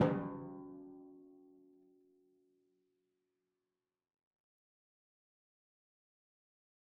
<region> pitch_keycenter=54 lokey=54 hikey=55 tune=-52 volume=15.598743 lovel=100 hivel=127 seq_position=1 seq_length=2 ampeg_attack=0.004000 ampeg_release=30.000000 sample=Membranophones/Struck Membranophones/Timpani 1/Hit/Timpani5_Hit_v4_rr1_Sum.wav